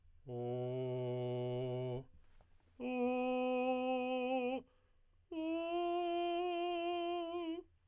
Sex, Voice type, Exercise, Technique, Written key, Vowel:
male, tenor, long tones, straight tone, , o